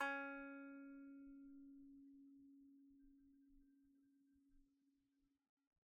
<region> pitch_keycenter=61 lokey=61 hikey=61 volume=12.052608 lovel=0 hivel=65 ampeg_attack=0.004000 ampeg_release=15.000000 sample=Chordophones/Composite Chordophones/Strumstick/Finger/Strumstick_Finger_Str2_Main_C#3_vl1_rr1.wav